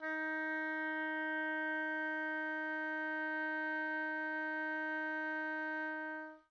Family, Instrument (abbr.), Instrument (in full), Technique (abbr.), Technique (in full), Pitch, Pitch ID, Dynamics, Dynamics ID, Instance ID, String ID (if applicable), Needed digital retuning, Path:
Winds, Ob, Oboe, ord, ordinario, D#4, 63, pp, 0, 0, , FALSE, Winds/Oboe/ordinario/Ob-ord-D#4-pp-N-N.wav